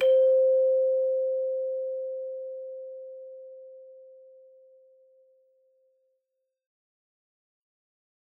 <region> pitch_keycenter=72 lokey=72 hikey=73 volume=7.171051 ampeg_attack=0.004000 ampeg_release=30.000000 sample=Idiophones/Struck Idiophones/Hand Chimes/sus_C4_r01_main.wav